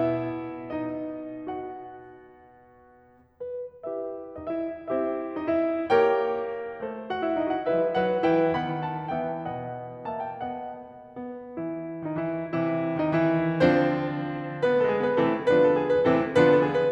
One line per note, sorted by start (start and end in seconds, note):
0.00 3.40 B2
0.00 3.40 B3
0.00 0.65 E4
0.00 0.65 E5
0.65 1.31 D#4
0.65 1.31 D#5
1.31 3.40 F#4
1.31 3.40 F#5
3.40 3.81 B4
3.81 4.34 E4
3.81 4.85 G4
3.81 4.85 B4
3.81 4.34 E5
4.34 4.50 D#4
4.34 4.50 D#5
4.52 4.85 E4
4.52 4.85 E5
4.85 5.92 C4
4.85 5.34 E4
4.85 5.92 G4
4.85 5.92 C5
4.85 5.34 E5
5.34 5.51 D#4
5.34 5.51 D#5
5.53 5.92 E4
5.53 5.92 E5
5.92 6.79 A#3
5.92 7.12 G4
5.92 6.79 A#4
5.92 6.79 C#5
5.92 7.12 G5
6.79 7.70 A3
6.79 7.70 A4
6.79 7.70 C5
7.13 7.26 F#4
7.13 7.26 F#5
7.26 7.38 E4
7.26 7.38 E5
7.38 7.53 D#4
7.38 7.53 D#5
7.53 7.70 F#4
7.53 7.70 F#5
7.70 7.98 G3
7.70 7.98 E4
7.70 7.98 B4
7.70 7.98 E5
7.98 8.25 F#3
7.98 8.25 D#4
7.98 8.25 B4
7.98 8.25 F#5
8.25 8.59 E3
8.25 8.59 E4
8.25 8.59 B4
8.25 8.59 G5
8.60 9.11 D#3
8.60 9.11 B3
8.60 9.11 F#5
8.60 8.88 B5
8.88 9.11 A5
9.11 9.46 E3
9.11 9.46 B3
9.11 9.46 E5
9.11 9.46 G5
9.46 10.77 B2
9.46 10.10 B3
9.46 10.10 D#5
9.46 10.10 F#5
10.10 10.41 A#3
10.10 10.41 E5
10.10 10.24 A5
10.24 10.41 G5
10.43 10.77 B3
10.43 10.77 D#5
10.43 10.77 F#5
11.17 11.55 B3
11.56 12.04 E3
11.56 12.04 E4
12.05 12.17 D#3
12.05 12.17 D#4
12.17 12.52 E3
12.17 12.52 E4
12.53 13.55 C3
12.53 12.99 E3
12.53 12.99 E4
12.99 13.12 D#3
12.99 13.12 D#4
13.13 13.55 E3
13.13 13.55 E4
13.55 15.17 D3
13.55 15.17 F3
13.55 14.65 C4
13.55 15.17 D4
13.55 15.17 F4
13.55 14.65 C5
14.65 14.77 B3
14.65 14.77 B4
14.77 14.88 A3
14.77 14.88 A4
14.88 15.00 G#3
14.88 15.00 G#4
15.01 15.17 B3
15.01 15.17 B4
15.17 15.48 C3
15.17 15.48 E3
15.17 15.48 A3
15.17 15.48 C4
15.17 15.48 E4
15.17 15.48 A4
15.49 16.08 D3
15.49 16.08 F3
15.49 16.08 B3
15.49 16.08 D4
15.49 16.08 F4
15.49 15.64 B4
15.64 15.78 A4
15.78 15.92 G#4
15.93 16.08 B4
16.08 16.36 C3
16.08 16.36 E3
16.08 16.36 A3
16.08 16.36 C4
16.08 16.36 E4
16.08 16.36 A4
16.36 16.92 D3
16.36 16.92 F3
16.36 16.92 B3
16.36 16.92 D4
16.36 16.92 F4
16.36 16.47 B4
16.47 16.60 A4
16.60 16.75 G#4
16.75 16.92 B4